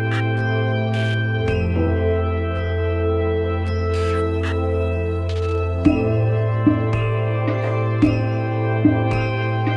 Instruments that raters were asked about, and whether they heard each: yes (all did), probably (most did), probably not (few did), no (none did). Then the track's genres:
organ: probably not
Electronic; Ambient